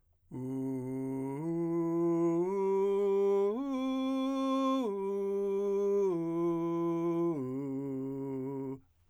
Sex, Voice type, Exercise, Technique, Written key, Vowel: male, , arpeggios, straight tone, , u